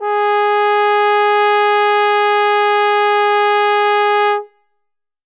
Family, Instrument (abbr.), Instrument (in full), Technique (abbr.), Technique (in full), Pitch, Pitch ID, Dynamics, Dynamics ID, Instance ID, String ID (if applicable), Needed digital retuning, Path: Brass, Tbn, Trombone, ord, ordinario, G#4, 68, ff, 4, 0, , FALSE, Brass/Trombone/ordinario/Tbn-ord-G#4-ff-N-N.wav